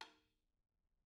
<region> pitch_keycenter=61 lokey=61 hikey=61 volume=24.167155 offset=239 lovel=0 hivel=83 seq_position=1 seq_length=2 ampeg_attack=0.004000 ampeg_release=30.000000 sample=Membranophones/Struck Membranophones/Tom 1/TomH_rimS_v2_rr1_Mid.wav